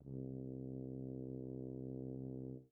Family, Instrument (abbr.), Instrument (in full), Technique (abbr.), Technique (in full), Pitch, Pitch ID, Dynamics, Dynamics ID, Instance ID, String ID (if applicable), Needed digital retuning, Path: Brass, BTb, Bass Tuba, ord, ordinario, C2, 36, pp, 0, 0, , TRUE, Brass/Bass_Tuba/ordinario/BTb-ord-C2-pp-N-T13d.wav